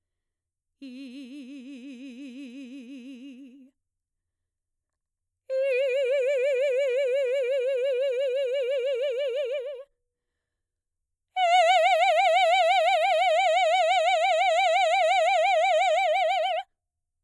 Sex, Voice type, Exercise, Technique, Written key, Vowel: female, mezzo-soprano, long tones, trillo (goat tone), , i